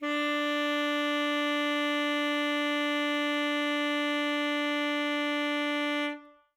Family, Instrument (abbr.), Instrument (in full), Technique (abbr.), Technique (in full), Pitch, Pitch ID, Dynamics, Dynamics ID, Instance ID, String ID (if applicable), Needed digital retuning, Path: Winds, ASax, Alto Saxophone, ord, ordinario, D4, 62, ff, 4, 0, , FALSE, Winds/Sax_Alto/ordinario/ASax-ord-D4-ff-N-N.wav